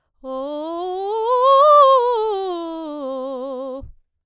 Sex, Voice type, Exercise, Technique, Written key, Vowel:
female, soprano, scales, fast/articulated piano, C major, o